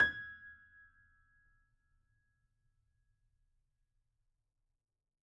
<region> pitch_keycenter=92 lokey=92 hikey=93 volume=2.526346 lovel=100 hivel=127 locc64=0 hicc64=64 ampeg_attack=0.004000 ampeg_release=0.400000 sample=Chordophones/Zithers/Grand Piano, Steinway B/NoSus/Piano_NoSus_Close_G#6_vl4_rr1.wav